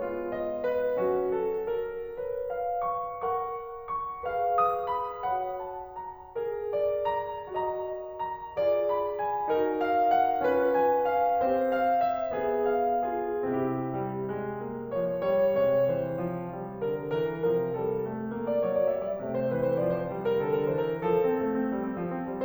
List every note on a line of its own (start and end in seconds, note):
0.00 0.96 G#3
0.00 0.96 B3
0.00 0.96 F4
0.34 0.65 D#5
0.65 1.28 B4
0.98 2.19 F#3
0.98 2.19 C#4
0.98 2.19 F#4
1.28 1.71 A4
1.72 2.19 A#4
2.19 3.24 B4
2.19 4.26 C#5
2.53 3.24 F5
2.87 3.24 C#6
3.24 4.26 A#4
3.24 4.26 F#5
3.24 3.88 C#6
3.88 4.60 C#6
4.26 5.27 G#4
4.26 5.27 B4
4.26 5.27 F5
4.61 4.89 D#6
4.89 5.61 B5
5.27 6.32 F#4
5.27 6.32 C#5
5.27 6.32 F#5
5.61 5.91 A5
5.91 6.32 A#5
6.33 7.49 G#4
6.33 8.53 A#4
6.68 7.49 D5
7.08 7.49 A#5
7.49 8.53 F#4
7.49 8.53 D#5
7.49 8.14 A#5
8.15 8.90 A#5
8.53 9.50 F4
8.53 9.50 G#4
8.53 9.50 D5
8.90 9.21 B5
9.22 9.80 G#5
9.50 10.43 D#4
9.50 10.43 F#4
9.50 10.43 A#4
9.81 10.07 F5
10.07 10.72 F#5
10.43 11.42 C#4
10.43 11.42 F4
10.43 11.42 B4
10.76 11.09 G#5
11.09 11.71 F5
11.42 12.35 C4
11.42 12.35 G4
11.42 12.35 C5
11.71 12.03 F5
12.03 12.71 E5
12.36 13.43 B3
12.71 13.07 F5
13.07 13.43 F4
13.07 13.43 G#4
13.43 15.58 C3
13.43 13.93 C4
13.43 13.93 E4
13.43 13.93 G4
13.93 14.30 G3
14.32 14.62 G#3
14.62 14.94 A#3
14.94 15.27 F3
14.94 15.27 C#5
15.27 15.58 G3
15.27 15.58 C#5
15.58 17.48 C3
15.58 15.87 G#3
15.58 15.87 C#5
15.88 16.16 E3
15.88 16.16 C5
16.16 16.53 F3
16.53 16.93 G3
16.94 17.24 D3
16.94 17.24 A#4
17.24 17.48 E3
17.24 17.48 A#4
17.48 19.18 C3
17.48 17.76 F3
17.48 17.76 A#4
17.76 18.04 G3
17.76 18.04 A4
18.04 18.33 A3
18.34 18.62 A#3
18.47 18.62 D5
18.62 18.90 F#3
18.62 18.74 C#5
18.75 18.90 D5
18.90 19.18 G3
18.90 19.04 E5
19.04 19.18 D5
19.18 21.04 C3
19.18 19.49 A3
19.33 19.49 C5
19.49 19.80 E3
19.49 19.64 B4
19.64 19.80 C5
19.81 20.13 F3
19.81 20.00 D5
20.00 20.13 C5
20.13 20.47 G3
20.31 20.47 A#4
20.47 20.77 D3
20.47 20.62 A4
20.62 20.77 A#4
20.77 21.04 E3
20.77 20.91 C5
20.91 21.04 A#4
21.04 21.21 F3
21.04 22.44 A4
21.21 21.39 C4
21.40 21.61 A3
21.61 21.73 C4
21.73 21.87 F3
21.88 22.02 C4
22.02 22.14 F3
22.14 22.27 C4
22.28 22.44 G3